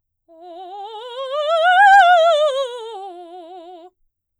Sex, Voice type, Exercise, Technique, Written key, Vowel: female, soprano, scales, fast/articulated forte, F major, o